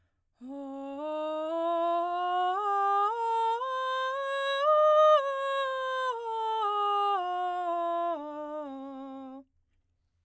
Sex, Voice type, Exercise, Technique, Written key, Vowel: female, soprano, scales, breathy, , o